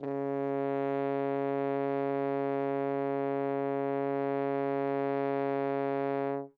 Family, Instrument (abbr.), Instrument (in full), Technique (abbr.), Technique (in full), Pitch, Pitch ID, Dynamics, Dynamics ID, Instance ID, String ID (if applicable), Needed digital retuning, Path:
Brass, Hn, French Horn, ord, ordinario, C#3, 49, ff, 4, 0, , FALSE, Brass/Horn/ordinario/Hn-ord-C#3-ff-N-N.wav